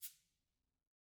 <region> pitch_keycenter=61 lokey=61 hikey=61 volume=32.784533 offset=181 lovel=0 hivel=83 seq_position=1 seq_length=2 ampeg_attack=0.004000 ampeg_release=10.000000 sample=Idiophones/Struck Idiophones/Cabasa/Cabasa1_Rub_v1_rr1_Mid.wav